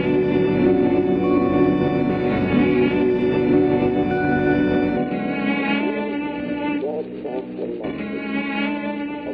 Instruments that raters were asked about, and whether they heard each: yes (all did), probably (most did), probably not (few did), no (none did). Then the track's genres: cello: probably
Experimental; Sound Collage; Trip-Hop